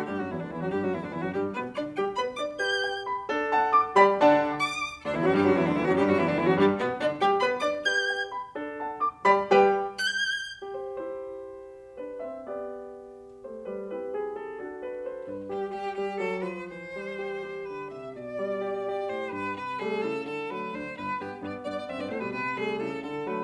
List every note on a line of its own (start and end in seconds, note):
0.00 0.17 G2
0.00 0.17 G3
0.00 0.17 G4
0.17 0.30 F#2
0.17 0.30 F#3
0.17 0.31 F#4
0.31 0.41 E2
0.31 0.41 E3
0.31 0.41 E4
0.41 0.51 D2
0.41 0.51 D3
0.41 0.53 D4
0.53 0.63 E2
0.53 0.63 E3
0.53 0.63 E4
0.63 0.73 F#2
0.63 0.73 F#3
0.63 0.73 F#4
0.73 0.84 G2
0.73 0.84 G3
0.73 0.85 G4
0.85 0.94 F#2
0.85 0.94 F#3
0.85 0.94 F#4
0.94 1.03 E2
0.94 1.03 E3
0.94 1.03 E4
1.03 1.13 D2
1.03 1.13 D3
1.03 1.14 D4
1.14 1.23 E2
1.14 1.23 E3
1.14 1.23 E4
1.23 1.32 F#2
1.23 1.32 F#3
1.23 1.34 F#4
1.34 1.56 G2
1.34 1.56 G3
1.34 1.50 G4
1.56 1.78 B2
1.56 1.78 B3
1.56 1.73 B4
1.78 1.99 D3
1.78 1.99 D4
1.78 1.93 D5
1.99 2.18 G3
1.99 2.18 G4
1.99 2.14 G5
2.19 2.39 B3
2.19 2.39 B4
2.19 2.35 B5
2.39 2.61 D4
2.39 2.61 D5
2.39 2.55 D6
2.61 3.09 G4
2.61 3.09 B4
2.61 3.09 G6
2.83 3.09 G5
3.09 3.30 B5
3.30 3.74 D4
3.30 3.74 A4
3.58 3.74 F#5
3.58 3.74 A5
3.74 3.96 D6
3.97 4.19 G3
3.97 4.19 G4
3.97 4.19 D5
3.97 4.19 G5
3.97 4.19 B5
4.19 4.42 D3
4.19 4.42 D4
4.19 4.42 D5
4.19 4.42 F#5
4.19 4.42 A5
4.61 4.68 C#6
4.68 5.02 D6
5.02 5.14 D2
5.02 5.14 D3
5.02 5.14 D4
5.14 5.24 E2
5.14 5.24 E3
5.14 5.24 E4
5.25 5.34 F#2
5.25 5.34 F#3
5.25 5.34 F#4
5.34 5.43 G2
5.34 5.43 G3
5.34 5.45 G4
5.45 5.56 F#2
5.45 5.56 F#3
5.45 5.56 F#4
5.56 5.67 E2
5.56 5.67 E3
5.56 5.67 E4
5.67 5.76 D2
5.67 5.76 D3
5.67 5.77 D4
5.77 5.86 E2
5.77 5.86 E3
5.77 5.86 E4
5.86 5.97 F#2
5.86 5.97 F#3
5.86 5.97 F#4
5.97 6.08 G2
5.97 6.08 G3
5.97 6.08 G4
6.08 6.20 F#2
6.08 6.20 F#3
6.08 6.20 F#4
6.20 6.30 E2
6.20 6.30 E3
6.20 6.32 E4
6.32 6.41 D2
6.32 6.41 D3
6.32 6.41 D4
6.41 6.50 E2
6.41 6.50 E3
6.41 6.50 E4
6.50 6.59 F#2
6.50 6.59 F#3
6.50 6.61 F#4
6.61 6.80 G2
6.61 6.80 G3
6.61 6.76 G4
6.82 6.99 B2
6.82 6.99 B3
6.82 6.93 B4
6.99 7.17 D3
6.99 7.17 D4
6.99 7.14 D5
7.17 7.37 G3
7.17 7.37 G4
7.17 7.33 G5
7.37 7.58 B3
7.37 7.58 B4
7.37 7.52 B5
7.58 7.79 D4
7.58 7.79 D5
7.58 7.74 D6
7.80 8.31 G4
7.80 8.31 B4
7.80 8.31 G6
8.09 8.31 G5
8.35 8.56 B5
8.56 9.00 D4
8.56 9.00 A4
8.80 9.00 F#5
8.80 9.00 A5
9.00 9.28 D6
9.28 9.51 G3
9.28 9.51 G4
9.28 9.51 D5
9.28 9.51 B5
9.52 9.73 G3
9.52 9.73 G4
9.52 9.73 B4
9.52 9.73 G5
9.98 10.07 F#6
10.07 10.76 G6
10.57 10.66 G4
10.66 10.76 C5
10.76 11.98 E4
10.76 12.45 G4
10.76 11.98 C5
11.98 12.20 D4
11.98 12.20 B4
12.20 12.45 C4
12.20 12.45 E5
12.45 13.44 B3
12.45 13.90 G4
12.45 13.44 D5
13.44 13.70 A3
13.44 13.70 C5
13.71 13.90 G3
13.71 13.90 B4
13.90 14.61 C4
13.90 14.61 E4
13.90 14.61 G4
13.90 14.07 B4
14.07 14.36 G#4
14.36 14.61 A4
14.61 15.28 D4
14.61 15.28 F#4
14.61 14.83 A4
14.84 15.05 B4
15.05 15.28 C5
15.28 15.53 G2
15.28 15.53 B4
15.53 15.75 G3
15.53 15.69 G4
15.53 15.75 G4
15.77 15.95 G3
15.77 15.91 G4
15.96 16.17 G3
15.96 16.17 G4
16.17 16.40 F#3
16.17 16.40 A4
16.40 16.63 F3
16.40 16.63 B4
16.63 17.64 E3
16.63 17.64 C5
16.96 17.23 G3
17.23 17.44 G4
17.44 18.05 G4
17.64 17.84 D3
17.64 17.86 B4
17.86 18.05 C3
17.86 18.05 E5
18.08 19.08 B2
18.08 19.08 D5
18.27 18.58 G3
18.58 18.88 G4
18.88 19.54 G4
19.09 19.33 A2
19.09 19.33 C5
19.33 19.54 G2
19.33 19.54 B4
19.54 19.96 C3
19.54 19.76 B4
19.76 19.96 G3
19.76 19.96 A3
19.76 19.97 G#4
19.97 20.18 C#3
19.97 20.18 E4
19.97 20.18 A4
20.19 20.68 D3
20.19 20.42 A4
20.42 20.68 F#3
20.42 20.68 A3
20.42 20.68 B4
20.68 21.00 D2
20.68 21.00 D4
20.68 21.00 C5
21.01 21.44 G1
21.01 21.22 B4
21.22 21.44 G2
21.22 21.44 B3
21.22 21.37 G4
21.44 21.64 G2
21.44 21.64 B3
21.44 21.59 D5
21.64 21.90 G2
21.64 21.90 B3
21.64 21.90 D5
21.90 22.01 F#2
21.90 22.01 C4
21.90 22.01 E5
22.01 22.11 G2
22.01 22.11 B3
22.01 22.12 D5
22.12 22.21 A2
22.12 22.21 A3
22.12 22.21 C5
22.21 22.31 B2
22.21 22.31 G3
22.21 22.31 B4
22.31 22.80 C3
22.31 22.58 B4
22.58 22.80 G3
22.58 22.80 A3
22.58 22.80 G#4
22.80 23.00 C#3
22.80 23.00 E4
22.80 23.00 A4
23.01 23.44 D3
23.01 23.23 A4
23.23 23.44 F#3
23.23 23.44 A3
23.23 23.44 B4